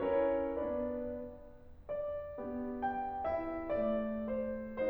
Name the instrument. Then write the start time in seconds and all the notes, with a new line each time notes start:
piano
0.00 C#4 E4 A#4 C#5
0.62 B3 D4 B4 D5
1.76 D5
2.40 B3 D4 G4
2.88 G5
3.30 E4 E5
3.72 A3 D5
4.30 C5